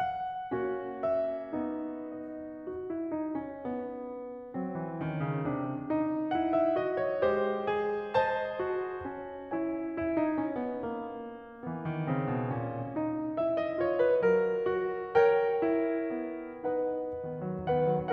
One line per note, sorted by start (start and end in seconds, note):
0.00 1.02 F#5
0.57 1.53 A#3
0.57 1.53 C#4
0.57 2.68 F#4
1.02 1.99 E5
1.56 2.68 B3
1.56 2.68 D#4
1.99 2.68 D#5
2.68 2.89 F#4
2.89 3.12 E4
3.12 3.38 D#4
3.38 3.63 C#4
3.67 4.53 B3
4.54 4.75 F#3
4.54 5.00 C4
4.76 5.00 E3
5.00 5.22 D#3
5.00 5.40 C#4
5.22 5.40 C#3
5.40 5.80 C3
5.40 5.80 D4
5.80 6.33 D#4
6.33 6.75 E4
6.33 6.52 F#5
6.54 6.75 E5
6.76 7.24 F#4
6.76 7.00 D#5
7.00 7.24 C#5
7.24 9.06 G#3
7.24 7.71 G4
7.24 8.15 C5
7.72 8.61 G#4
8.15 9.54 C5
8.15 9.54 D#5
8.15 9.54 A5
8.63 9.54 F#4
9.06 9.95 C#4
9.56 9.95 E4
9.56 9.95 C#5
9.56 9.95 E5
9.56 9.95 G#5
9.95 10.19 E4
10.19 10.37 D#4
10.37 10.57 C#4
10.58 10.76 B3
10.76 11.64 A#3
11.66 11.88 E3
11.66 12.07 B3
11.88 12.07 D#3
12.07 12.28 C#3
12.07 12.53 C4
12.28 12.53 B2
12.54 12.98 A#2
12.54 12.98 C#4
12.98 13.37 D#4
13.39 13.82 E4
13.39 13.56 E5
13.57 13.82 D#5
13.82 14.70 F4
13.82 14.00 C#5
14.00 14.21 B4
14.22 16.14 F#3
14.22 15.16 A#4
14.70 15.63 F#4
15.16 16.61 A#4
15.16 16.61 C#5
15.16 16.61 G5
15.63 16.61 E4
16.14 17.16 B3
16.63 17.16 D#4
16.63 17.16 B4
16.63 17.16 D#5
16.63 17.16 F#5
17.16 17.43 D#3
17.16 17.66 B3
17.43 17.66 F#3
17.67 17.93 D#3
17.67 18.13 B3
17.67 18.13 B4
17.67 18.13 F#5
17.93 18.13 F#3